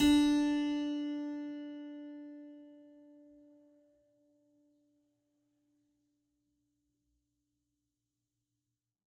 <region> pitch_keycenter=62 lokey=62 hikey=63 volume=-1.491419 trigger=attack ampeg_attack=0.004000 ampeg_release=0.400000 amp_veltrack=0 sample=Chordophones/Zithers/Harpsichord, French/Sustains/Harpsi2_Normal_D3_rr1_Main.wav